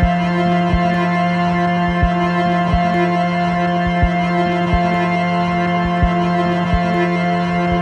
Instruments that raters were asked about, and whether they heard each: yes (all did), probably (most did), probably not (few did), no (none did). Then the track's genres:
cello: probably not
Krautrock; Experimental; Drone